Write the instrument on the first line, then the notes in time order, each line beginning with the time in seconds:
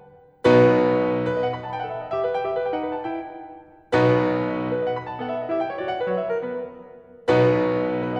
piano
0.27 B1 B2 B3 D#4 F#4 B4
1.23 B4
1.36 D#5
1.44 F#5
1.52 B5
1.60 A5
1.71 G5
1.80 A4 F#5
1.90 E5
1.98 D#5
2.10 G4 E5
2.21 B4
2.38 G5
2.46 G4 E5
2.54 B4
2.65 G5
2.73 D#4 F#5
2.81 B4
2.94 A5
3.02 E4 G5
3.89 B1 B2 B3 D#4 F#4 B4
4.71 B4
4.79 D5
4.88 F#5
4.96 B5
5.01 A5
5.13 G5
5.21 F#5
5.29 E5
5.40 D5
5.48 E4 G4 E5
5.62 G5
5.72 C#5
5.80 F#4 D5
5.92 F#5
5.99 B4
6.07 F#3 C#5
6.14 E5
6.33 A#4
6.41 B3 B4
7.21 B1 B2 B3 D#4 F#4 B4
8.03 B4
8.13 D#5